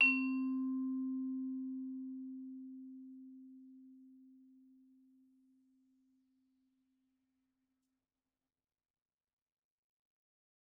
<region> pitch_keycenter=60 lokey=59 hikey=62 volume=17.606842 offset=114 lovel=0 hivel=83 ampeg_attack=0.004000 ampeg_release=15.000000 sample=Idiophones/Struck Idiophones/Vibraphone/Hard Mallets/Vibes_hard_C3_v2_rr1_Main.wav